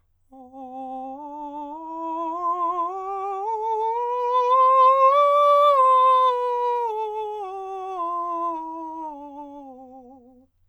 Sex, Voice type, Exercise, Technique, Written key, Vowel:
male, countertenor, scales, slow/legato forte, C major, o